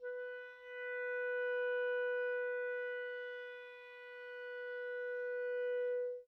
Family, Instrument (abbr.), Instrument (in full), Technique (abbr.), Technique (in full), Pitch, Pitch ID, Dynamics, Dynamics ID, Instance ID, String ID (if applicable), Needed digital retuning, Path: Winds, ClBb, Clarinet in Bb, ord, ordinario, B4, 71, mf, 2, 0, , TRUE, Winds/Clarinet_Bb/ordinario/ClBb-ord-B4-mf-N-T12u.wav